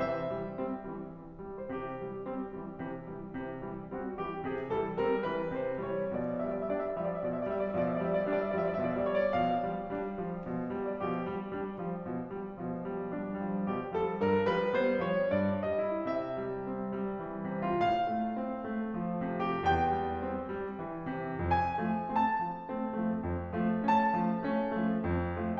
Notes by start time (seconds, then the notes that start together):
0.00 C3 E3 E5
0.35 E3 G3
0.62 G3 C4
0.94 E3 G3
1.16 C3 E3
1.42 E3 G3
1.59 C5
1.72 C3 E3 G4
2.00 E3 G3
2.30 G3 C4
2.57 E3 G3
2.81 C3 E3
3.03 E3 G3
3.31 C3 E3
3.52 E3 G3
3.75 G3 C4
3.97 E3 G3
4.16 C3 E3 F#4
4.33 E3 G3 G4
4.55 C3 E3 G#4
4.76 E3 G3 A4
4.99 G3 C4 A#4
5.27 E3 G3 B4
5.53 C3 E3 C5
5.84 E3 G3 C#5
6.10 B2 F3 D5
6.32 E5
6.44 F3 G3 D5
6.61 E5
6.75 G3 D4 D5
6.87 E5
6.99 F3 G3 D5
7.14 E5
7.24 B2 F3 D5
7.37 E5
7.51 F3 G3 D5
7.62 E5
7.77 B2 F3 D5
7.89 E5
8.00 F3 G3 D5
8.20 E5
8.27 G3 D4 D5
8.36 E5
8.51 F3 G3 D5
8.70 E5
8.81 B2 F3 D5
8.93 E5
9.03 F3 G3 C#5
9.15 D5
9.30 B2 F3 F5
9.61 F3 G3
9.91 G3 D4
10.18 F3 G3
10.39 B2 F3
10.68 F3 G3
10.81 D5
10.96 B2 F3 G4
11.26 F3 G3
11.53 G3 D4
11.78 F3 G3
12.00 B2 F3
12.32 F3 G3
12.61 B2 F3
12.85 F3 G3
13.13 G3 D4
13.43 F3 G3
13.71 B2 F3 G4
13.96 F3 G3 A4
14.19 G2 F3 A#4
14.45 F3 G3 B4
14.72 G3 B3 C5
14.97 F3 G3 C#5
15.29 G2 F3 D5
15.69 F3 G3 D#5
15.91 C3 E4
16.15 E5
16.42 G3
16.73 C4
16.95 G3
17.22 E3
17.46 C3
17.74 A2 F4
17.91 F5
18.10 A3
18.38 C4
18.65 A3
18.98 F3
19.24 C3
19.56 E2 G4
19.69 G5
19.92 G3
20.22 C4
20.58 G3
20.89 E3
21.16 C3
21.44 F2 G#5
21.82 F3 A3
22.11 A3 C4 A5
22.47 F3 A3
22.71 A3 C4
22.98 F3 A3
23.25 F2
23.68 F3 A3
23.92 A3 C#4 A5
24.20 F3 A3
24.43 A3 C#4
24.81 F3 A3
25.05 F2
25.38 F3 A3